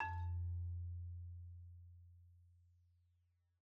<region> pitch_keycenter=41 lokey=41 hikey=44 volume=19.570500 xfin_lovel=84 xfin_hivel=127 ampeg_attack=0.004000 ampeg_release=15.000000 sample=Idiophones/Struck Idiophones/Marimba/Marimba_hit_Outrigger_F1_loud_01.wav